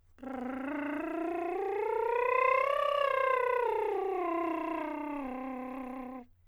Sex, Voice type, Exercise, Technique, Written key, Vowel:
male, countertenor, scales, lip trill, , e